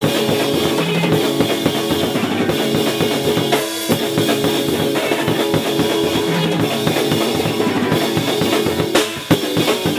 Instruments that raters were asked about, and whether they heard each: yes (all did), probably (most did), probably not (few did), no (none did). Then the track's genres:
trumpet: no
cello: no
drums: yes
organ: no
Loud-Rock; Experimental Pop